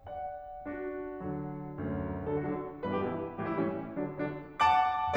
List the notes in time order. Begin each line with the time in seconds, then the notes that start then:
0.00 D5 F#5
0.66 D4 F#4
1.22 D3 F#3
1.73 D2 F#2
2.35 D3 F#3 A4
2.45 F#4
2.55 D3 F#3 D4
2.93 G2 B2 E3 B4
3.02 G4
3.11 G2 B2 E3 E4
3.52 A2 E3 G3 G4
3.61 E4
3.69 A2 E3 G3 C#4
4.02 D3 F#3 D4
4.19 D3 F#3 D4
4.62 F#5 A5 D6